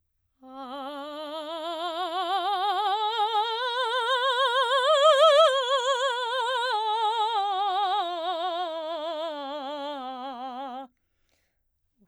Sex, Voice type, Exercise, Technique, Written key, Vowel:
female, soprano, scales, vibrato, , a